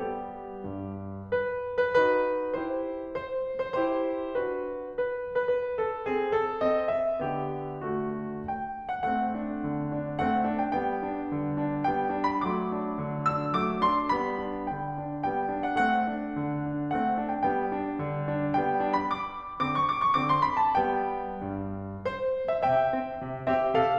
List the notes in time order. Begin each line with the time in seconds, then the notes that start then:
0.00 G3 B3 G4
0.60 G2
1.36 B4
1.90 B4
2.05 D#4 F#4 B4
2.55 E4 G4 C5
3.20 C5
3.63 C5
3.80 E4 G4 C5
4.37 D4 F#4 B4
4.99 B4
5.40 B4
5.50 B4
5.85 A4
6.08 C4 G#4
6.33 A4
6.64 C4 D#5
6.88 E5
7.24 D3 B3 G4
7.91 A3 F#4
8.53 G5
8.89 F#5
9.08 A3 C4 F#5
9.39 D4
9.68 D3
9.96 D4
10.23 A3 C4 F#5
10.46 D4
10.61 G5
10.76 G3 B3 G5
11.10 D4
11.33 D3
11.63 D4
11.88 G3 B3 G5
12.13 D4
12.25 B5
12.48 F#3 A3 D6
12.72 D4
12.99 D3
13.27 D4 E6
13.54 F#3 A3 D6
13.82 D4 C6
14.11 G3 B3 B5
14.45 D4
14.73 D3 G5
15.02 D4
15.26 G3 B3 G5
15.56 D4
15.66 F#5
15.81 A3 C4 F#5
16.10 D4
16.43 D3
16.68 D4
16.99 A3 C4 F#5
17.26 D4
17.36 G5
17.47 G3 B3 G5
17.75 D4
18.01 D3
18.27 D4
18.58 G3 B3 G5
18.81 D4
18.91 B5
19.06 D6
19.60 D3 C4 D6
19.74 C#6
19.89 D6
20.02 C#6
20.14 D3 C4 D6
20.31 C6
20.42 B5
20.57 A5
20.72 G3 B3 G5
21.47 G2
22.08 C5
22.50 E5
22.66 C3 E5 G5
22.96 C4
23.25 C3
23.52 C4 G4 E5
23.75 C3 A4 F5